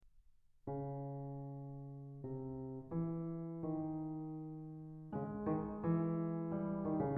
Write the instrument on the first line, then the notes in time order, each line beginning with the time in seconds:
piano
0.03 C#3
2.15 C3
2.88 E3
3.67 D#3
5.13 C#3 G#3
5.42 D#3
5.77 E3
6.52 G3
6.85 D#3
7.00 C#3